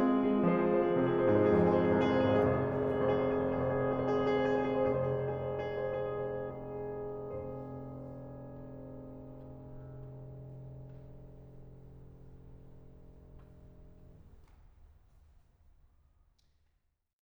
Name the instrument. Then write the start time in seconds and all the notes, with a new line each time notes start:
piano
0.00 C4 G#4
0.08 F4
0.16 G#4
0.24 F4
0.33 G#4
0.41 G#3 F4
0.51 F3 C5
0.59 G#4
0.67 C5
0.75 G#4
0.81 C5
0.89 G#4
0.98 C3 C5
1.04 G#4
1.10 C5
1.16 G#4
1.21 C5
1.29 G#2 G#4
1.40 F2 C5
1.52 G#4
1.59 C5
1.66 G#4
1.73 C5
1.81 G#4
1.93 C2 C5
2.01 G#4
2.05 C5
2.14 G#4
2.21 C5
2.28 G#1 G#4
2.35 F1 C5
2.44 G#4
2.51 C5
2.59 G#4
2.67 C5
2.73 G#4
2.77 F1 C5
2.86 G#4
2.94 C5
3.02 G#4
3.09 C5
3.16 G#4
3.23 F1 C5
3.34 G#4
3.44 C5
3.52 G#4
3.60 C5
3.68 G#4
3.74 C5
3.82 G#4
3.90 C5
3.98 G#4
4.09 C5
4.18 G#4
4.30 F1 C5
4.40 G#4
4.52 C5
4.63 G#4
4.77 C5
4.89 G#4
5.02 C5
5.17 G#4
5.33 C5
5.56 G#4
5.78 C5
6.00 G#4
6.41 F1 G#4 C5
15.13 F4